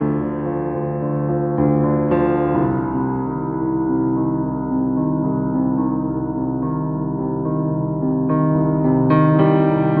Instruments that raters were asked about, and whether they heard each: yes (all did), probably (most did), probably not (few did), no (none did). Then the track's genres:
accordion: no
piano: yes
Soundtrack; Ambient Electronic; Ambient; Minimalism